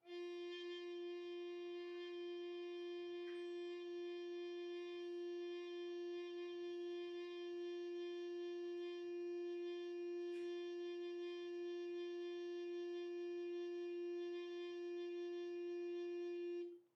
<region> pitch_keycenter=65 lokey=65 hikey=66 tune=-2 volume=20.328033 offset=1002 ampeg_attack=0.004000 ampeg_release=0.300000 sample=Aerophones/Edge-blown Aerophones/Baroque Alto Recorder/Sustain/AltRecorder_Sus_F3_rr1_Main.wav